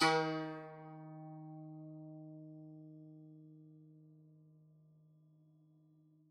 <region> pitch_keycenter=51 lokey=51 hikey=52 volume=5.316299 lovel=66 hivel=99 ampeg_attack=0.004000 ampeg_release=0.300000 sample=Chordophones/Zithers/Dan Tranh/Normal/D#2_f_1.wav